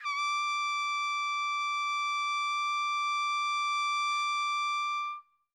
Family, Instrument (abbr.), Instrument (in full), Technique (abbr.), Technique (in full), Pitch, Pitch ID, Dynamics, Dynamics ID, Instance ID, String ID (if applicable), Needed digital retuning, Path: Brass, TpC, Trumpet in C, ord, ordinario, D6, 86, mf, 2, 0, , FALSE, Brass/Trumpet_C/ordinario/TpC-ord-D6-mf-N-N.wav